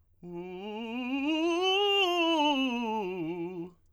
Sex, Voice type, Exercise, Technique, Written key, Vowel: male, tenor, scales, fast/articulated piano, F major, u